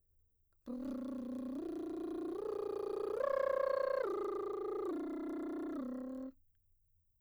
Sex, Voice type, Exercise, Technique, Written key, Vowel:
female, mezzo-soprano, arpeggios, lip trill, , u